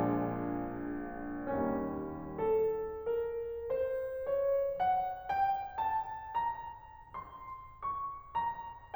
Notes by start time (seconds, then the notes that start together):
0.00 A#1 A#2 F3 G#3 D4
1.83 D#2 D#3 G3 A#3 C#4
2.33 A4
2.98 A#4
3.54 C5
4.01 C#5
4.81 F#5
5.34 G5
5.77 A5
6.33 A#5
7.16 C6
7.80 C#6
8.35 A#5